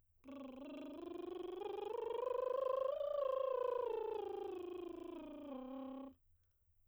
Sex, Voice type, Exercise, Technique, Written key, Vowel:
female, soprano, scales, lip trill, , o